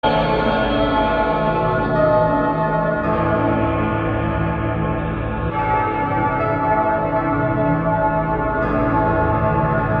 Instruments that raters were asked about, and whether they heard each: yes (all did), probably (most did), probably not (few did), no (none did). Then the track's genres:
trumpet: no
trombone: no
Experimental; Ambient